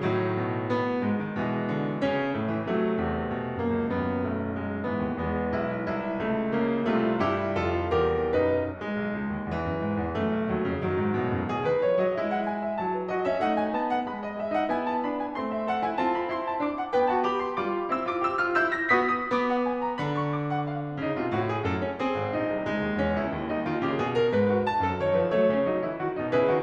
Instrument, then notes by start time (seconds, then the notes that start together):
piano
0.00 A2 D#3 F#3
0.37 B2
0.66 B3
0.99 G#2 G#3
1.20 D#3
1.36 B2 E3 G#3
1.71 D3
2.04 C#3 C#4
2.35 A2 A3
2.52 E3
2.67 C3 F#3 A3
2.93 E2 C3
3.36 B2
3.66 F#2 A#3
3.81 C#2
3.95 D#2 F#2 B3
4.26 B1 A3
4.55 G#3
4.82 G#2 E3 B3
4.99 D#2
5.18 E2 G#3 B3
5.54 B1 E4
5.90 C2 E4
6.21 C#2 A3
6.54 C#3 A#3
6.86 C2 C3 A3 F4
7.21 G2 E4 G4
7.58 F2 F4 A4
7.94 E2 G4 A#4
8.32 B1 F#2 D#4 B4
8.75 G#3
8.94 B1
9.15 C#2
9.31 D#2
9.47 E2 E3
9.64 F#2
9.85 G#2
10.01 E2
10.16 F#2 A3
10.31 B1
10.47 D#2 F#3
10.62 E2 C#3
10.80 F#2 D#3 F#3
10.97 G#2
11.13 A2 B2
11.31 F#2
11.47 B2 G#4
11.64 D#3 B4
11.82 E3 C#5
12.03 F#3 D#5
12.18 G#3 E4 E5
12.32 F#5
12.46 G#5
12.61 E5
12.77 F#3 A5
12.97 C#5
13.13 F#4 D#5
13.32 C#4 E5
13.46 A3 D#4 F#5
13.62 G#5
13.79 B3 A5
13.96 F#5
14.11 G#3 B5
14.25 D#5
14.41 G#4 E5
14.57 D#4 F#5
14.72 B3 E4 G#5
14.88 A5
15.05 D4 B5
15.20 G#5
15.36 A3 C4 C6
15.52 E5
15.70 A4 F#5
15.84 E4 G#5
15.99 C4 F4 A5
16.15 B5
16.30 E4 C6
16.45 A5
16.61 D4 D6
16.80 F#5
16.96 B3 B4 G5
17.10 F#4 A5
17.25 G4 B5
17.41 C6
17.54 G3 F4 D6
17.73 B5
17.88 C4 E4 E6
18.05 F4 D6
18.26 G4 E6
18.40 F4 F6
18.58 E4 E6 G6
18.75 A#6
18.92 B3 F#4 D#6 B6
19.13 D#6
19.32 B3 D6
19.56 F#5
19.71 G#5
19.86 A#5
20.00 D3 B5
20.20 C#6
20.34 D6
20.53 F#5
20.70 F5
20.84 C#4
21.03 C#3 D#4
21.18 B2 F4
21.35 A2 F#4
21.48 G#4
21.64 F#2 A4
21.80 C#4
21.93 C4 G#4
22.13 G#1
22.34 A#1 E4
22.53 C2
22.70 C#2 G#3
22.85 D#2
23.00 E2 C#4
23.16 C#2 E4
23.31 D#2
23.49 G3 D#4
23.66 D#3 F4
23.82 C#3 G4
23.99 B2 G#4
24.16 A#4
24.33 G#2 B4
24.53 G#4
24.68 F#3 A5
24.83 F#2 A4
24.98 D#3 C#5
25.16 F3 B4
25.36 F#3 A3 A4 C#5
25.54 C#3 C#4
25.70 F#3 D#4
25.87 E3 E4
25.98 D#3 F#4
26.15 B2 D#4
26.32 C#3 E4 G#4 B4
26.47 D#3 F#4